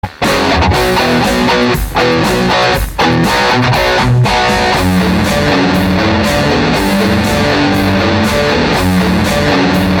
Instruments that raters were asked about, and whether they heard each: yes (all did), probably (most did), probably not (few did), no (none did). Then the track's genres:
piano: no
flute: no
guitar: yes
accordion: no
Metal